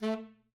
<region> pitch_keycenter=57 lokey=57 hikey=58 tune=8 volume=16.487304 lovel=0 hivel=83 ampeg_attack=0.004000 ampeg_release=1.500000 sample=Aerophones/Reed Aerophones/Tenor Saxophone/Staccato/Tenor_Staccato_Main_A2_vl1_rr1.wav